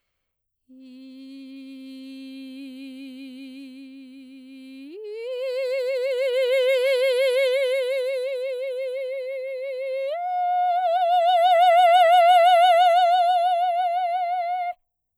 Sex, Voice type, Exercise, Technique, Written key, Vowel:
female, soprano, long tones, messa di voce, , i